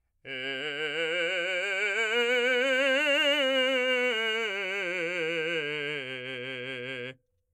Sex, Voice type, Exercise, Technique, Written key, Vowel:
male, , scales, vibrato, , e